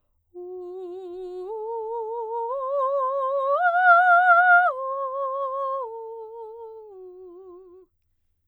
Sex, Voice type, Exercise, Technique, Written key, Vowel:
female, soprano, arpeggios, slow/legato piano, F major, u